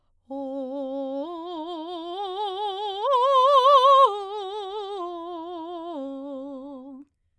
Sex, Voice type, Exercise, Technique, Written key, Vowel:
female, soprano, arpeggios, vibrato, , o